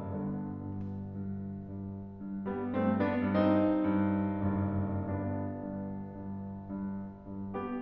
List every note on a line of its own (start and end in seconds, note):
0.01 0.89 G1
0.01 0.46 G2
0.01 0.89 D3
0.01 0.89 B3
0.47 0.89 G2
0.90 1.43 G2
1.45 2.14 G2
2.15 2.72 G2
2.48 2.72 G3
2.48 2.72 B3
2.73 3.23 G2
2.73 2.97 A3
2.73 2.97 C4
2.98 3.23 B3
2.98 3.23 D4
3.26 3.69 G2
3.26 4.96 C4
3.26 4.96 D#4
3.70 4.30 G2
4.31 4.96 F#1
4.31 4.96 G2
4.97 5.94 G1
4.97 5.44 G2
4.97 5.94 B3
4.97 5.94 D4
5.45 5.94 G2
5.95 6.69 G2
6.69 7.30 G2
7.31 7.81 G2
7.55 7.81 B3
7.55 7.81 G4